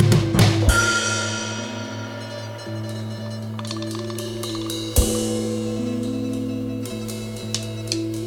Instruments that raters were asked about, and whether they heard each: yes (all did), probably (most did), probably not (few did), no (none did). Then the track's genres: cymbals: yes
Pop; Psych-Folk; Experimental Pop